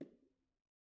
<region> pitch_keycenter=64 lokey=64 hikey=64 volume=38.308005 offset=185 lovel=0 hivel=65 seq_position=2 seq_length=2 ampeg_attack=0.004000 ampeg_release=15.000000 sample=Membranophones/Struck Membranophones/Bongos/BongoL_HitMuted2_v1_rr2_Mid.wav